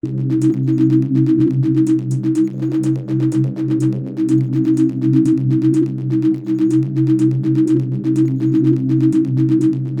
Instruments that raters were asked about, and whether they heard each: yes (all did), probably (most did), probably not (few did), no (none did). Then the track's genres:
violin: no
synthesizer: yes
trombone: no
cymbals: no
Electronic; Experimental; Experimental Pop